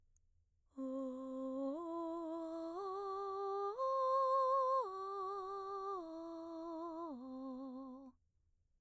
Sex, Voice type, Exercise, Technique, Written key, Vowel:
female, mezzo-soprano, arpeggios, breathy, , o